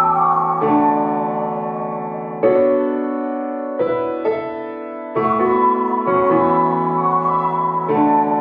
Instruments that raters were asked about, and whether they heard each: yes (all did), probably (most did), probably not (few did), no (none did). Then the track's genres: piano: yes
Experimental; Sound Collage; Trip-Hop